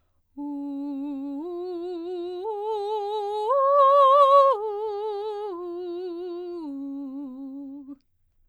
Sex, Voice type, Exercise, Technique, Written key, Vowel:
female, soprano, arpeggios, slow/legato piano, C major, u